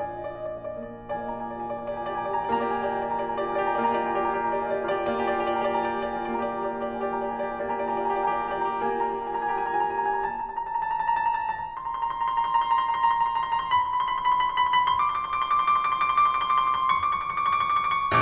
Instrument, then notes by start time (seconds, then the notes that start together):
piano
0.00 F4 D#5 G#5
0.09 D5
0.19 D#5
0.27 D5
0.37 D#5
0.46 D5
0.56 D#5
0.65 D5
0.74 A#3 D#5
0.85 D5
0.94 D#5
1.03 D5
1.15 A#3 G4 D#5 A#5
1.24 F4 D5 G#5
1.35 G4 D#5 A#5
1.45 F4 D5 G#5
1.60 G4 D#5 A#5
1.71 F4 D5 G#5
1.85 G4 D#5 A#5
1.96 F4 D5 G#5
2.07 G4 D#5 A#5
2.18 F4 D5 G#5
2.32 G4 D#5 A#5
2.45 F4 D5 G#5
2.59 A#3 G4 D#5 A#5
2.80 F4 D5 G#5
2.91 G4 D#5 A#5
3.04 F4 D5 G#5
3.15 G4 D#5 A#5
3.26 F4 D5 G#5
3.40 G4 D#5 A#5
3.49 F4 D5 G#5
3.59 G4 D#5 A#5
3.68 F4 D5 G#5
3.80 G4 D#5 A#5
3.88 F4 D5 G#5
4.01 A#3 G4 D#5 A#5
4.12 F4 D5 G#5
4.21 G4 D#5 A#5
4.34 F4 D5 G#5
4.44 G4 D#5 A#5
4.57 F4 D5 G#5
4.69 G4 D#5 A#5
4.78 F4 D5 G#5
4.88 G4 D#5 A#5
4.98 F4 D5 G#5
5.11 G4 D#5 A#5
5.20 F4 D5 G#5
5.27 A#3 G4 D#5 A#5
5.38 F4 D5 G#5
5.47 G4 D#5 A#5
5.54 F4 D5 G#5
5.64 G4 D#5 A#5
5.74 F4 D5 G#5
5.85 G4 D#5 A#5
5.91 F4 D5 G#5
5.99 G4 D#5 A#5
6.06 F4 D5 G#5
6.14 G4 D#5 A#5
6.23 F4 D5 G#5
6.34 A#3 G4 D#5 A#5
6.43 F4 D5 G#5
6.54 G4 D#5 A#5
6.64 F4 D5 G#5
6.75 G4 D#5 A#5
6.84 F4 D5 G#5
6.94 G4 D#5 A#5
7.04 F4 D5 G#5
7.14 G4 D#5 A#5
7.22 F4 D5 G#5
7.31 G4 D#5 A#5
7.38 F4 D5 G#5
7.49 A#3 G4 D#5 A#5
7.63 F4 D5 G#5
7.72 G4 D#5 A#5
7.81 F4 D5 G#5
7.91 G4 D#5 A#5
8.03 F4 D5 G#5
8.10 G4 D#5 A#5
8.25 F4 D5 G#5
8.35 G4 D#5 A#5
8.48 F4 D5 G#5
8.57 G4 D#5 A#5
8.70 D5 G#5
8.80 A#3 F4 G4 D#5 A#5
8.92 F4 D5 G#5
9.02 G4 D#5 A#5
9.13 F4 D5 G#5
9.24 G4 D#5 A#5
9.35 F4 D5 G#5
9.45 G4 D#5 A#5
9.59 F4 D5 G#5
9.68 G4 D#5 A#5
9.80 F4 D5 G#5
9.90 G4 D#5 A#5
10.00 F4 D5 G#5
10.11 A5
10.21 A#5
10.29 A5
10.38 A#5
10.47 A5
10.55 A#5
10.65 A5
10.74 A#5
10.84 A5
10.98 A#5
11.08 A5
11.30 A#5
11.40 C6
11.52 A#5
11.61 C6
11.70 A#5
11.80 C6
11.88 A#5
11.96 C6
12.00 A#5
12.07 C6
12.17 A#5
12.27 C6
12.38 A#5
12.48 C6
12.59 A#5
12.69 C6
12.79 A#5
12.92 C6
13.01 A#5
13.13 C6
13.21 A#5
13.33 C6
13.46 A#5
13.61 C6
13.73 B5
13.82 C6
13.93 B5
14.02 C6
14.15 B5
14.26 C6
14.34 B5
14.38 C6
14.49 B5
14.59 C6
14.71 B5
14.91 C6
15.00 D6
15.07 C6
15.17 D6
15.23 C6
15.30 D6
15.43 C6
15.55 D6
15.67 C6
15.78 D6
15.91 C6
16.02 D6
16.14 C6
16.20 D6
16.24 C6
16.35 D6
16.46 C6
16.57 D6
16.67 C6
16.74 D6
16.85 C6
16.95 D6
17.02 C6
17.11 D6
17.21 C#6
17.31 D6
17.41 C#6 D6
17.52 C#6
17.61 D6
17.69 C#6
17.76 D6
17.87 C#6
17.96 D6
18.02 C#6